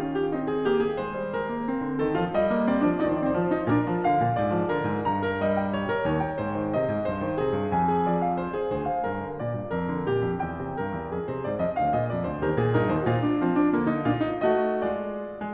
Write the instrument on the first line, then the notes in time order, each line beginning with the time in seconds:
piano
0.00 C#4 F4
0.13 G4
0.29 C4 D#4
0.45 G#4
0.65 A#3 G4
0.86 G#4
0.99 G#3 C5
1.17 G3
1.35 G#3 A#4
1.53 A#3
1.71 C4
1.81 D3
1.95 D#3 A4
2.15 F3 F4
2.35 G3 D#5
2.50 A#3
2.65 C4 D5
2.83 F3 D4
3.02 D#3 D#4 D5
3.08 C5
3.15 D5
3.19 C4 C5
3.26 D5
3.33 F3 C5
3.38 D5
3.44 C5
3.49 D5
3.54 D#4 C5
3.61 D5
3.67 C5
3.72 A#2 D4 A#4
3.87 F3
4.03 D3 F5
4.21 A#2
4.40 G#2 D5
4.60 F3
4.74 D3 A#4
4.88 G#2
5.05 G2 A#5
5.21 A#4
5.39 G3 D#5
5.56 G5
5.71 C#5
5.89 A#4
6.04 D#2 C#5
6.22 G5
6.37 G#2 C5
6.56 D#3
6.72 C3 D#5
6.86 G#2
7.05 G2 C5
7.21 D#3
7.35 C3 G#4
7.52 G2
7.73 F2 G#5
7.88 G#4
8.05 F3 D5
8.27 F5
8.42 C5
8.57 G#4
8.73 D2 C5
8.87 F5
9.04 G2 A#4
9.22 D3
9.40 A#2 D5
9.57 G2
9.74 F2 A#4
9.90 D3
10.04 A#2 G4
10.23 F2
10.39 E2 G5
10.58 C3
10.80 G2 A#4
10.95 E2
11.11 F2 G#4
11.30 C3 C5
11.44 G#2 D5
11.60 F2 D#5
11.78 D2 F5
11.95 A#2 D#5
12.10 F2 D5
12.25 D2 C5
12.41 D#2 G4 A#4
12.59 A#2 G#4
12.74 G2 D#4 A#4
12.85 D#2 C5
13.04 A#2 F4
13.24 D4
13.37 F3 C4
13.56 D4
13.69 D3 A#3
13.89 D#4
14.06 A#2 D4 F4
14.26 D#4
14.42 A3 F#4 D#5
14.81 G#3 F4 D5
15.38 G#3